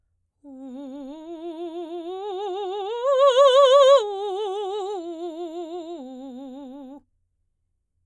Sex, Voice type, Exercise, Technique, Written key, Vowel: female, soprano, arpeggios, slow/legato forte, C major, u